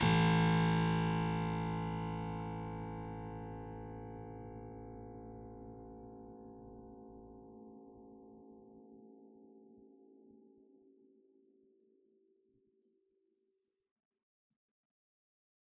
<region> pitch_keycenter=33 lokey=33 hikey=33 volume=0.120609 trigger=attack ampeg_attack=0.004000 ampeg_release=0.400000 amp_veltrack=0 sample=Chordophones/Zithers/Harpsichord, Unk/Sustains/Harpsi4_Sus_Main_A0_rr1.wav